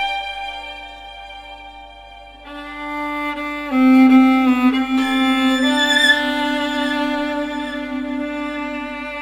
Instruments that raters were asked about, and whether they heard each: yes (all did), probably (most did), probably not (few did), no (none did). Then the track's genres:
cello: yes
violin: yes
cymbals: no
guitar: no
Avant-Garde; Soundtrack; Experimental; Ambient; Improv; Sound Art; Instrumental